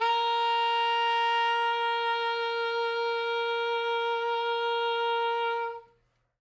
<region> pitch_keycenter=70 lokey=69 hikey=72 volume=12.558017 ampeg_attack=0.004000 ampeg_release=0.500000 sample=Aerophones/Reed Aerophones/Saxello/Vibrato/Saxello_SusVB_MainSpirit_A#3_vl2_rr1.wav